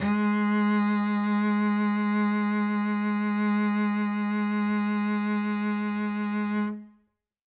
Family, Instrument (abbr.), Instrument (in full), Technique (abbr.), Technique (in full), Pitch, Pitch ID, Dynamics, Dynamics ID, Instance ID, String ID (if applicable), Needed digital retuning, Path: Strings, Vc, Cello, ord, ordinario, G#3, 56, ff, 4, 2, 3, FALSE, Strings/Violoncello/ordinario/Vc-ord-G#3-ff-3c-N.wav